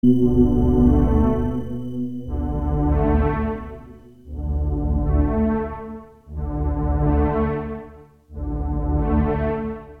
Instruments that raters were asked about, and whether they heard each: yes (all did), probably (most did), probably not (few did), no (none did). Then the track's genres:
trombone: probably not
Experimental; Ambient